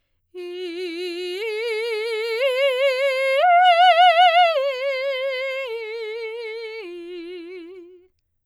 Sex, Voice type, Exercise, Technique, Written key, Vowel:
female, soprano, arpeggios, slow/legato forte, F major, i